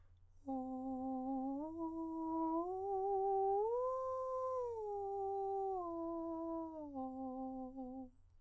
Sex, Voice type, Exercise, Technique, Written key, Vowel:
male, countertenor, arpeggios, breathy, , o